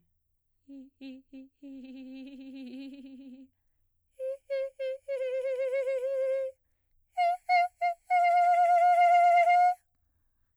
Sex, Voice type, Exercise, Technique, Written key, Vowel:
female, soprano, long tones, trillo (goat tone), , i